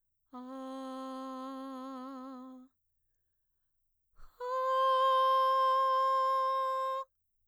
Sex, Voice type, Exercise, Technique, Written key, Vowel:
female, mezzo-soprano, long tones, inhaled singing, , e